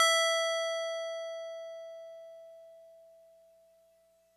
<region> pitch_keycenter=88 lokey=87 hikey=90 volume=9.946430 lovel=100 hivel=127 ampeg_attack=0.004000 ampeg_release=0.100000 sample=Electrophones/TX81Z/FM Piano/FMPiano_E5_vl3.wav